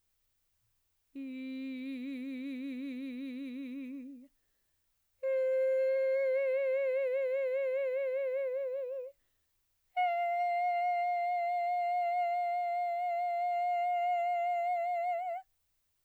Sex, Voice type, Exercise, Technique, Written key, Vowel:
female, mezzo-soprano, long tones, full voice pianissimo, , i